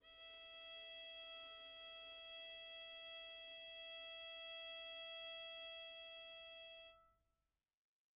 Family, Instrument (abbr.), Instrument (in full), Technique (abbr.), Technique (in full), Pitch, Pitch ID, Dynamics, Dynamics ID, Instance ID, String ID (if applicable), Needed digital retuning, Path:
Strings, Vn, Violin, ord, ordinario, E5, 76, pp, 0, 0, 1, FALSE, Strings/Violin/ordinario/Vn-ord-E5-pp-1c-N.wav